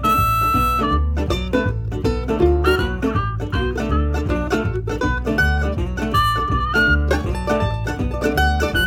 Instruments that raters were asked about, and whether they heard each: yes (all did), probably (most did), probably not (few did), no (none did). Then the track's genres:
ukulele: yes
mandolin: yes
banjo: yes
Old-Time / Historic; Bluegrass; Americana